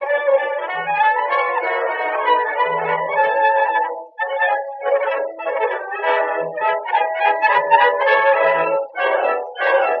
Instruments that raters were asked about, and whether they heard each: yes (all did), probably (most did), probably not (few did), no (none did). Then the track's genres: trumpet: probably
clarinet: probably not
trombone: probably not
Classical; Old-Time / Historic